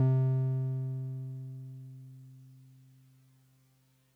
<region> pitch_keycenter=48 lokey=47 hikey=50 volume=11.797806 lovel=66 hivel=99 ampeg_attack=0.004000 ampeg_release=0.100000 sample=Electrophones/TX81Z/Piano 1/Piano 1_C2_vl2.wav